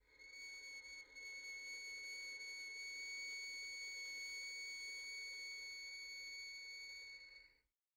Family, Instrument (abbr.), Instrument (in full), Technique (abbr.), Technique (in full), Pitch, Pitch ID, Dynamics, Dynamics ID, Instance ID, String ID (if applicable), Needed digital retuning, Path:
Strings, Vn, Violin, ord, ordinario, C#7, 97, pp, 0, 0, 1, TRUE, Strings/Violin/ordinario/Vn-ord-C#7-pp-1c-T15d.wav